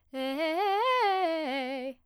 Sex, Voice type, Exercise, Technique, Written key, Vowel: female, soprano, arpeggios, fast/articulated piano, C major, e